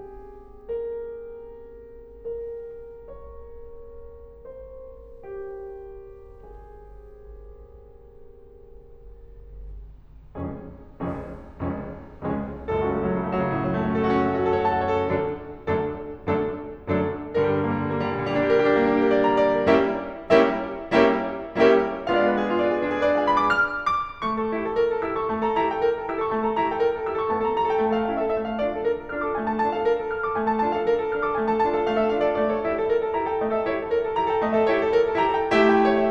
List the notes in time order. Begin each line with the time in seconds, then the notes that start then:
0.00 G#4
1.99 A#4
2.47 C#5
3.51 C5
4.05 G4
4.81 G#4
10.37 F1 C#2 F2 G#3 C#4 G#4
10.97 F1 C#2 F2 G#3 C#4 G#4
11.46 F1 C#2 F2 G#3 C#4 G#4
11.98 F1 C#2 F2 G#3 C#4 G#4
12.61 F#1 C#2 F#2 A4
12.74 F#4
12.84 C#4
12.92 A3
13.03 F#3
13.12 C#3
13.20 A3
13.31 F#3
13.42 C#3
13.51 A2 C#3
13.60 F#3
13.64 A3
13.69 C#4 F#4
13.78 A4
13.87 F#4
13.98 C#4
14.08 A3
14.18 C#4
14.26 F#4
14.35 A4
14.47 C#5
14.64 A5
14.78 C#5
14.85 A4
14.92 F#2 D3 F#3 A3 D4 A4
15.59 F#2 D3 F#3 A3 D4 A4
16.28 F#2 D3 F#3 A3 D4 A4
16.88 F#2 D3 F#3 A3 D4 A4
17.41 G2 D3 G3 A#4
17.52 G4
17.61 D4
17.72 A#3
17.83 G3
17.93 D3
18.02 A#3
18.10 G3
18.29 A#2
18.34 D3
18.39 G3 A#3
18.48 D4
18.58 G4
18.66 A#4
18.76 G4
18.87 D4
19.02 A#3
19.11 D4
19.19 G4
19.28 A#4
19.39 D5
19.60 A#5
19.64 G5
19.71 D5
19.78 A#4
19.86 G3 A#3 C#4 E4 G4 A#4 C#5 E5
20.51 G3 A#3 C#4 E4 G4 A#4 C#5 E5
21.10 G3 A#3 C#4 E4 G4 A#4 C#5 E5
21.57 G3 A#3 C#4 E4 G4 A#4 C#5 E5
22.08 G#3 B3 D4 F4 F5
22.20 D5
22.29 B4
22.38 G#4
22.48 F4
22.55 D5
22.60 B4
22.70 F4 G#4
22.83 D4
22.91 F4
22.96 G#4
23.06 B4
23.14 D5
23.21 F5
23.28 G#5
23.37 B5
23.45 D6
23.53 F6
23.82 D6
24.17 A3 C#6
24.36 A4
24.52 E4 G4
24.67 A4
24.78 A#4
24.90 A4
25.01 E4 G4 E6
25.12 A4 C#6
25.29 A3 A5
25.40 A4 A#5
25.53 E4 G4 A#5
25.68 A4 G5
25.89 A#4
26.03 A4
26.12 E4 G4 E6
26.20 A4 C#6
26.35 A3 A5
26.48 A4 A#5
26.59 E4 G4 A#5
26.71 A4 G5
26.85 A#4
26.96 A4
27.06 E4 G4 E6
27.20 A4 C#6
27.35 A3 A5
27.47 A4 A#5
27.59 E4 G4 A#5
27.69 A4 G5
27.81 A3 G5
27.92 A4 F5
28.06 C#4 E4 F5
28.18 A4 E5
28.32 A3 E5
28.47 A4 F5
28.62 D4 F4 D5
28.75 A4
28.87 A#4
29.01 A4
29.14 D4 F4 F6
29.26 A4 D6
29.36 A3 G#5
29.50 A4 A5
29.63 D4 F4 A5
29.77 A4 F5
29.90 A#4
30.04 A4
30.15 D4 F4 F6
30.28 A4 D6
30.42 A3 G#5
30.55 A4 A5
30.65 D4 F4 A5
30.78 A4 F5
30.87 A#4
30.99 A4
31.11 D4 F4 F6
31.24 A4 D6
31.37 A3 G#5
31.50 A4 A5
31.64 D4 F4 A5
31.75 A4 F5
31.87 A3 F5
31.99 A4 E5
32.14 D4 F4 E5
32.28 A4 D5
32.40 A3 D5
32.54 A4 C#5
32.66 E4 G4 E5
32.75 A4
32.89 A#4
33.03 A4
33.18 E4 G4 A#5
33.30 A4 G5
33.43 A3 D#5
33.55 A4 E5
33.67 E4 G4 C#5
33.83 A4
33.92 A#4
34.04 A4
34.16 E4 G4 A#5
34.28 A4 G5
34.44 A3 D#5
34.57 A4 E5
34.68 E4 G4 C#5
34.81 A4
34.96 A#4
35.06 A4
35.20 E4 G4 A#5
35.33 A4 G5
35.53 A3 E4 G4 E5
35.71 G5
35.83 C#5
35.97 E5